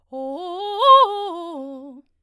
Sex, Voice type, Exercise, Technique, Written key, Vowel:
female, soprano, arpeggios, fast/articulated forte, C major, o